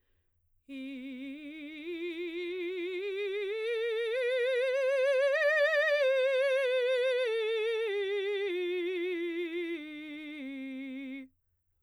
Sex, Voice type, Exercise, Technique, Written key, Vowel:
female, soprano, scales, slow/legato forte, C major, i